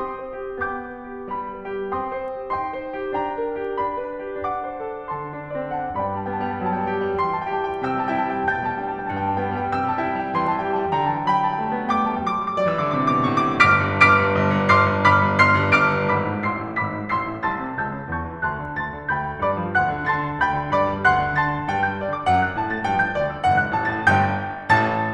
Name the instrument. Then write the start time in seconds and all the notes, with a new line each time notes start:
piano
0.01 C4 G5 C6 D#6
0.20 C5
0.42 G4
0.76 B3 G5 D6 G6
0.93 B4
1.11 G4
1.32 G3 B5
1.52 B4
1.77 G4
1.97 C4 G5 C6 D#6
2.23 C5
2.42 G4
2.59 D#4 G5 C6
2.78 C5
2.99 G4
3.18 D4 G5 A#5
3.42 A#4
3.58 G4
3.77 D4 B5
4.06 B4
4.28 G4
4.49 D4 F#5 D6
4.66 C5
4.85 A4
5.11 D3 A5 C6
5.38 D4
5.51 D5
5.66 C4
5.78 F#5 A5
5.95 G2 D5 G5 B5
6.03 A5
6.14 G3 G5
6.24 A5
6.31 B3 G5
6.38 A5
6.48 G3 G5
6.57 A5
6.64 F#3 G5
6.73 A5
6.83 G3 G5
6.90 A5
7.02 G4 G5
7.09 A5
7.16 G3 G5
7.23 A5
7.29 E3 G5 C6
7.37 A5
7.45 G3 G5
7.54 A5
7.61 G4 G5
7.69 A5
7.80 G3 G5
7.85 A5
7.92 C3 G5 E6
8.03 A5
8.12 G3 G5
8.20 A5
8.32 E4 G5
8.39 A5
8.46 G3 G5
8.53 A5
8.60 B2 G5 G6
8.68 A5
8.76 G3 G5
8.83 A5
8.91 D4 G5
8.97 A5
9.04 G3 G5 A5
9.14 G2 G5
9.21 A5
9.35 G3 G5
9.42 A5
9.49 B3 G5
9.57 A5
9.64 G3 G5
9.73 A5
9.80 C3 G5 E6
9.92 A5
9.98 G3 G5
10.04 A5
10.11 E4 G5
10.18 A5
10.25 G3 G5
10.30 A5
10.39 E3 G5 C6
10.49 A5
10.56 G3 G5
10.66 A5
10.73 G4 G5
10.80 A5
10.87 G3 G5
10.93 A5
11.02 D3 G5 A#5
11.09 A5
11.15 E3 G5
11.21 A5
11.30 F#3 G5 B5
11.38 A5
11.45 G3 G5
11.51 A5
11.58 A3 G5
11.67 A5
11.77 B3 G5
11.84 A5
11.93 A3 G5 D6
12.06 A5
12.12 G3 G5
12.18 A5
12.25 F#3 D6
12.34 E6
12.45 G3 D6
12.54 E6
12.60 F#3 D5 D6
12.70 E6
12.75 E3 D6
12.83 E6
12.99 D3 D6
13.07 E6
13.14 C3 D6
13.23 E6
13.30 B2 D6
13.38 E6
13.44 A2 C#6
13.66 G1 D6 F6 B6 D7
13.84 G2
14.03 G1 D6 F6 B6 D7
14.19 G2
14.41 G1
14.58 G2
14.75 G1 C6 D6 F6 C7
14.89 G2
15.03 G1 B5 D6 F6 B6
15.23 G2
15.40 G1 C6 D6 F6 C7
15.57 G2
15.74 G1 D6 F6 D7
15.88 G2
16.07 G#1 B5 D6 E6 B6
16.26 G#2
16.46 A1 C6 E6 C7
16.61 A2
16.78 G#1 B5 D6 E6 B6
16.93 G#2
17.13 A1 C6 E6 C7
17.29 A2
17.47 C2 A5 C6 E6 A6
17.61 C3
17.75 C#2 A5 E6 G6
17.93 C#3
18.13 E2 A5 C#6 G6
18.28 E3
18.47 D2 A5 C6 F#6
18.63 D3
18.80 D2 A5 C6 A6
18.93 D3
19.09 D2 G5 B5 G6
19.26 D3
19.45 G2 D5 B5 D6
19.62 G3
19.77 D2 F#5 C6 F#6
19.95 D3
20.16 D3 A5 C6 F#6 A6
20.29 D4
20.46 D2 G5 B5 G6
20.61 D3
20.73 G2 D5 B5 D6
20.87 G3
21.01 D2 F#5 C6 F#6
21.24 D3
21.39 D3 A5 C6 F#6 A6
21.55 D4
21.70 G2 G5
21.87 G3 G6
22.00 D2 D5
22.16 D3 D6
22.30 F#2 F#5
22.49 F#3 F#6
22.62 A2 A5
22.76 A3 A6
22.87 G2 G5
23.04 G3 G6
23.18 D2 D5
23.32 D3 D6
23.47 F#1 F#5
23.63 F#2 F#6
23.75 A1 A5
23.89 A2 A6
24.06 G1 G2 G5 G6
24.77 A1 A2 A5 A6